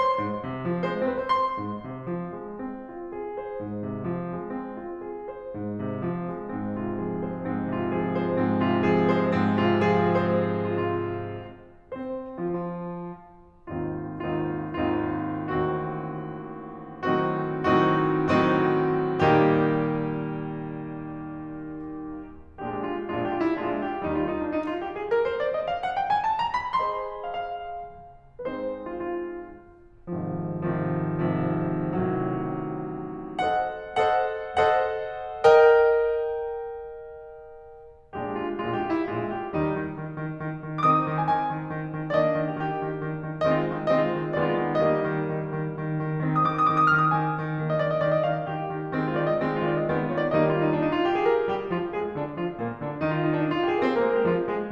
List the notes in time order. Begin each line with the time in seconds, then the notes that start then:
0.00 C6
0.24 G#2
0.45 C3
0.66 F3
0.92 G#3 C5
0.99 C#5
1.04 C5
1.10 C#5
1.15 C4 C5
1.20 B4 C#5
1.24 C5
1.30 C6
1.60 G#2
1.88 C3
2.12 F3
2.36 G#3
2.66 C4
2.89 F4
3.18 G#4
3.40 C5
3.61 G#2
3.87 C3
4.12 F3
4.35 G#3
4.59 C4
4.82 F4
5.11 G#4
5.38 C5
5.56 G#2
5.79 C3
6.12 F3
6.35 G#3
6.59 G#2 C4
6.85 C3 F4
7.05 F3 G#4
7.29 G#3 C5
7.50 G#2 C4
7.74 C3 F4
7.98 F3 G#4
8.21 G#3 C5
8.39 G#2 C4
8.63 C3 F4
8.87 F3 G#4
9.08 G#3 C5
9.32 G#2 C4
9.58 C3 F4
9.83 F3 G#4
10.11 G#3 C5
10.54 F4
10.66 F4
11.89 C4 C5
12.40 F3 F4
12.50 F3 F4
13.70 G#1 D#2 C4 D#4 F4
14.29 G#1 D#2 C4 D#4 F4
14.93 G#1 D#2 C4 D#4 F4
15.49 A1 D#2 C4 D#4 F#4
17.09 A2 D#3 F#3 C4 D#4 F#4
17.64 A2 D#3 F#3 C4 D#4 F#4
18.29 A2 D#3 F#3 C4 D#4 F#4
19.19 A#2 D#3 G3 A#3 D#4 G4
21.80 A#1 A#2 G#3 D4 G4
22.20 F4
22.62 A#1 A#2 G#3 D4 F4
22.78 G4
22.92 F4
23.06 E4
23.24 A#1 A#2 G#3 D4 F4
23.63 G4
23.93 D#2 D#3 G3 D#4
24.08 F4
24.22 D#4
24.35 D4
24.49 D#4
24.65 F4
24.81 G4
24.95 G#4
25.12 A#4
25.30 C5
25.43 D5
25.54 D#5
25.66 F5
25.82 F#5
25.98 G5
26.08 G#5
26.22 A5
26.39 A#5
26.56 B5
26.84 G#4 C5 D#5 C6
27.24 F5
27.39 F5
28.47 G#3 C4 D#4 B4
28.53 C5
28.87 F4
29.02 F4
30.07 G#1 G#2 C3 D#3 F3
30.71 G#1 G#2 C3 D#3 F3
31.31 G#1 G#2 C3 D#3 F3
31.86 A1 A2 C3 D#3 F#3
33.40 A4 C5 D#5 F#5
33.94 A4 C5 D#5 F#5
34.55 A4 C5 D#5 F#5
35.46 A#4 D#5 G5
38.14 A#1 A#2 G#3 D4 G4
38.41 F4
38.60 A#1 A#2 G#3 D4 F4
38.72 G4
38.84 F4
38.97 E4
39.11 A#1 A#2 G#3 D4 F4
39.36 G4
39.62 D#2 D#3 G3 D#4
39.87 D#3
40.09 D#3
40.29 D#3
40.53 D#3
40.70 D#3
40.91 D#3 C4 D#4 D6 D#6
41.10 D#3
41.19 G#5
41.33 D#3 G#5
41.56 D#3
41.81 D#3
42.03 D#3
42.23 D#3 A#3 D4 D5
42.27 D#5
42.43 D#3
42.54 G4
42.68 D#3 G4
42.86 D#3
43.08 D#3
43.27 D#3
43.42 D#3 G#3 C4 D#5
43.54 F4
43.67 D#3
43.89 D#3 G#3 C4 D#5
44.00 F4
44.13 D#3
44.35 D#3 G#3 B3 D5
44.45 F4
44.57 D#3
44.81 D#3 G3 A#3 D#5
44.94 D#4
45.04 D#3
45.26 D#3
45.49 D#3
45.73 D#3
45.96 D#3
46.21 D#3 C4 D#4
46.34 D#6
46.44 D#3 D6
46.57 D#6
46.70 D#3 D6
46.81 D#6
46.90 D#3 F6
47.01 D#6
47.15 D#3 G#5
47.42 D#3
47.59 D#3 A#3 D4
47.68 D#5
47.81 D#3 D5
47.93 D#5
48.04 D#3 D5
48.15 D#5
48.26 D#3 F5
48.39 D#5
48.49 D#3 G4
48.75 D#3
49.01 D#3 G#3 C4
49.16 F4
49.26 D#3 D5
49.37 D#5
49.49 D#3 G#3 C4
49.56 F4
49.67 D#3 D5
49.80 D#5
49.88 D#3 G#3 B3
50.00 F4
50.10 D#3 C#5
50.19 D5
50.31 D#3 G3 A#3 D#4 D#5
50.41 F4
50.53 D#4
50.69 D4
50.81 D#4
50.94 F4
51.06 G4
51.15 G#4
51.27 A#4
51.49 G3 G4
51.72 F3 F4
51.93 G#3 G#4
52.14 D3 D4
52.38 F3 F4
52.62 A#2 A#3
52.84 D3 D4
53.00 D#3 D#4
53.09 F4
53.19 D#4
53.29 D4
53.37 D#4
53.50 F4
53.63 G4
53.72 G#4
53.81 C4 C5
53.92 A#3 A#4
54.02 G#3 G#4
54.17 G3 G4
54.29 F3 F4
54.50 G#3 G#4